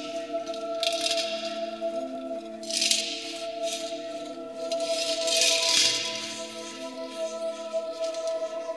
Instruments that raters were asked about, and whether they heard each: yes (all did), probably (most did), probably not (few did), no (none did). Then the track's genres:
flute: no
Electroacoustic; Ambient Electronic; Sound Collage